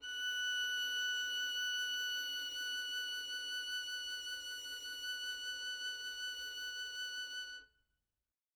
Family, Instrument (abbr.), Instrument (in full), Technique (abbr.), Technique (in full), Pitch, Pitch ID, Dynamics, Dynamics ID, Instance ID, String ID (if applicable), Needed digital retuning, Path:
Strings, Vn, Violin, ord, ordinario, F#6, 90, mf, 2, 0, 1, TRUE, Strings/Violin/ordinario/Vn-ord-F#6-mf-1c-T10d.wav